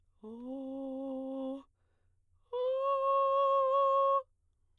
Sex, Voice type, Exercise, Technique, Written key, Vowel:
female, soprano, long tones, inhaled singing, , o